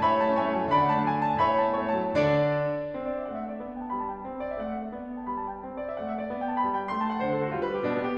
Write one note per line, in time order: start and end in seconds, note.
0.00 0.10 A2
0.00 0.31 C#5
0.00 0.31 E5
0.00 0.15 B5
0.10 0.21 G3
0.16 0.31 A5
0.21 0.31 A3
0.31 0.43 C#4
0.31 0.65 C#5
0.31 0.65 E5
0.31 0.48 G#5
0.43 0.52 A3
0.48 0.65 A5
0.52 0.65 G3
0.66 0.80 D3
0.66 1.03 D5
0.66 1.03 F#5
0.66 0.87 B5
0.80 0.92 F#3
0.87 1.03 A5
0.92 1.03 A3
1.03 1.17 D4
1.03 1.21 G#5
1.17 1.25 A3
1.17 1.38 A5
1.29 1.38 F#3
1.38 1.49 A2
1.38 1.72 C#5
1.38 1.72 E5
1.38 1.56 B5
1.50 1.60 G3
1.56 1.72 A5
1.61 1.72 A3
1.72 1.81 C#4
1.72 2.11 C#5
1.72 2.11 E5
1.72 1.86 G#5
1.81 1.95 A3
1.87 2.11 A5
1.95 2.11 G3
2.11 2.44 D3
2.11 2.19 F#3
2.11 2.44 D5
2.19 7.86 D4
2.95 3.27 C4
3.07 3.18 D5
3.18 3.27 E5
3.29 3.61 A3
3.29 3.39 F#5
3.39 3.48 E5
3.48 3.61 D5
3.61 3.92 B3
3.73 3.82 G5
3.83 3.92 A5
3.92 4.24 G3
3.92 4.02 B5
4.02 4.14 A5
4.14 4.24 G5
4.24 4.60 C4
4.39 4.49 D5
4.49 4.60 E5
4.60 4.92 A3
4.60 4.73 F#5
4.73 4.82 E5
4.82 4.92 D5
4.93 5.33 B3
5.12 5.21 G5
5.21 5.33 A5
5.33 5.65 G3
5.33 5.43 B5
5.43 5.53 A5
5.55 5.65 G5
5.65 5.98 C4
5.75 5.87 D5
5.87 5.98 E5
5.98 6.28 A3
5.98 6.08 F#5
6.10 6.19 E5
6.19 6.28 D5
6.28 6.65 B3
6.42 6.55 G5
6.55 6.65 A5
6.66 6.95 G3
6.66 6.76 B5
6.76 6.85 A5
6.85 6.95 G5
6.95 7.23 A3
6.95 7.06 C6
7.06 7.14 A5
7.15 7.23 F#5
7.23 7.55 D3
7.23 7.36 C5
7.37 7.47 A4
7.47 7.55 F#4
7.55 7.86 G3
7.55 7.65 G4
7.67 7.78 B4
7.78 7.86 G4
7.87 8.16 B2
7.87 7.96 D4
7.96 8.06 B3
8.06 8.16 G4